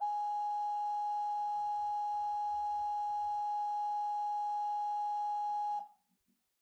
<region> pitch_keycenter=80 lokey=80 hikey=81 ampeg_attack=0.004000 ampeg_release=0.300000 amp_veltrack=0 sample=Aerophones/Edge-blown Aerophones/Renaissance Organ/8'/RenOrgan_8foot_Room_G#4_rr1.wav